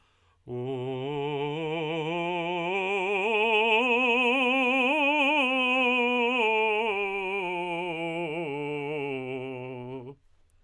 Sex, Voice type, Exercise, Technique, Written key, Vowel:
male, tenor, scales, vibrato, , u